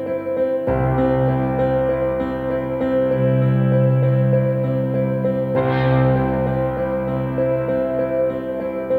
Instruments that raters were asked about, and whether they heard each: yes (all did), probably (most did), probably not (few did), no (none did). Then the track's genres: piano: yes
Post-Rock